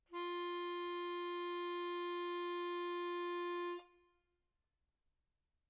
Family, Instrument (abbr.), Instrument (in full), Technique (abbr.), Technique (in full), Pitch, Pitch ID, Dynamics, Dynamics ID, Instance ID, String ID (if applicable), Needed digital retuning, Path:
Keyboards, Acc, Accordion, ord, ordinario, F4, 65, mf, 2, 2, , FALSE, Keyboards/Accordion/ordinario/Acc-ord-F4-mf-alt2-N.wav